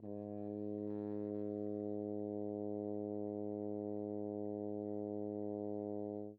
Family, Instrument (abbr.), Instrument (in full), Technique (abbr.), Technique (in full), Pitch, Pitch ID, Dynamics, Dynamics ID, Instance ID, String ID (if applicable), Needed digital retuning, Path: Brass, Hn, French Horn, ord, ordinario, G#2, 44, mf, 2, 0, , FALSE, Brass/Horn/ordinario/Hn-ord-G#2-mf-N-N.wav